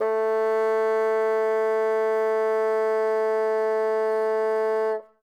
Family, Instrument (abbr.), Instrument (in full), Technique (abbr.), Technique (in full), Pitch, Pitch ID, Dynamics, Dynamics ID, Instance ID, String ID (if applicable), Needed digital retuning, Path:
Winds, Bn, Bassoon, ord, ordinario, A3, 57, ff, 4, 0, , TRUE, Winds/Bassoon/ordinario/Bn-ord-A3-ff-N-T14d.wav